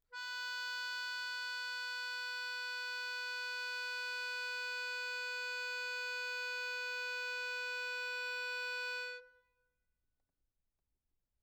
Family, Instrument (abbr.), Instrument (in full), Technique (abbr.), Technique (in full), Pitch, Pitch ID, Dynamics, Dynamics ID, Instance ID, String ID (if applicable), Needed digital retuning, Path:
Keyboards, Acc, Accordion, ord, ordinario, B4, 71, mf, 2, 2, , FALSE, Keyboards/Accordion/ordinario/Acc-ord-B4-mf-alt2-N.wav